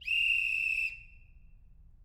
<region> pitch_keycenter=60 lokey=60 hikey=60 volume=8.000000 offset=320 ampeg_attack=0.004000 ampeg_release=30.000000 sample=Aerophones/Edge-blown Aerophones/Ball Whistle/Main_BallWhistle_Long-001.wav